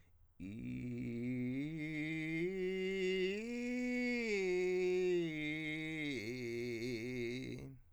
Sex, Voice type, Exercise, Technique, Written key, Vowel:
male, countertenor, arpeggios, vocal fry, , i